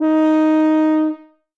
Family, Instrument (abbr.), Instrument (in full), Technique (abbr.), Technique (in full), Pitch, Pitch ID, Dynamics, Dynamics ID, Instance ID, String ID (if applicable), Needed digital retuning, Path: Brass, BTb, Bass Tuba, ord, ordinario, D#4, 63, ff, 4, 0, , FALSE, Brass/Bass_Tuba/ordinario/BTb-ord-D#4-ff-N-N.wav